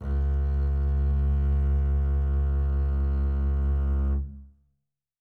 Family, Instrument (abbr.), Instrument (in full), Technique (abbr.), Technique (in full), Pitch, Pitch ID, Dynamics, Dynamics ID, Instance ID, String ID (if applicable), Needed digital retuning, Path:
Strings, Cb, Contrabass, ord, ordinario, C#2, 37, mf, 2, 3, 4, FALSE, Strings/Contrabass/ordinario/Cb-ord-C#2-mf-4c-N.wav